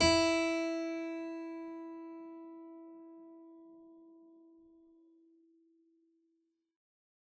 <region> pitch_keycenter=64 lokey=64 hikey=65 volume=0.643452 offset=3 trigger=attack ampeg_attack=0.004000 ampeg_release=0.350000 amp_veltrack=0 sample=Chordophones/Zithers/Harpsichord, English/Sustains/Normal/ZuckermannKitHarpsi_Normal_Sus_E3_rr1.wav